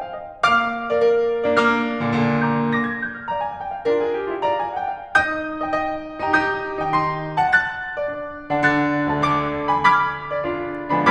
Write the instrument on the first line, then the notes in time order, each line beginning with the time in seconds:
piano
0.00 F5
0.30 D#5
0.45 A#3 F5 D6 F6
0.88 A#4 D5
1.07 A#4 D5
1.51 A#3 D4 D5 F5
1.64 A#3 D4 D6 F6
2.02 A#2 D3 F5
2.17 A#2 D3 A#5
2.46 A#5 D6 G6
2.60 F6
2.75 D6 F6 A#6
2.89 G#6
3.01 G6
3.16 F6
3.30 D5 F5 A#5
3.41 G#5
3.52 G5
3.72 F5
3.89 D4 F4 A#4
4.08 G#4
4.23 G4
4.38 F4
4.53 D5 F5 A#5
4.66 G#5
4.78 G5
4.99 F5
5.13 D#4 D#6 G6
5.64 D#5 G5
5.79 D#5 G5
6.22 D#4 G4 G5 A#5
6.36 G4 D#6 G6
6.79 D#3 D#4 G5
6.93 D#3 D#4 C6
7.40 F#5 A5
7.57 F#6 A6
8.01 D4 D5
8.15 D5
8.51 D3 D4 F#5 A5
8.61 D3 D4 F#6 A6
9.13 D2 D3 A5
9.29 D2 D3 D6
9.68 G#5 B5
9.86 D6 F6 G#6 B6
10.32 D4 F4 G#4 B4 D5
10.51 F4 G#4 B4 D5
10.97 D3 F3 G#3 B3 D4 G#5 B5